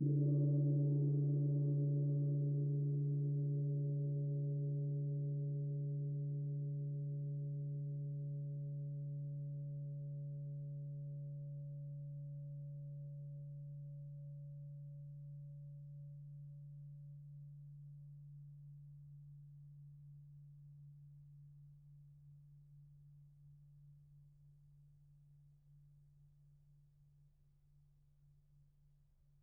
<region> pitch_keycenter=60 lokey=60 hikey=60 volume=16.259536 lovel=0 hivel=54 ampeg_attack=0.004000 ampeg_release=2.000000 sample=Idiophones/Struck Idiophones/Gong 1/gong_p.wav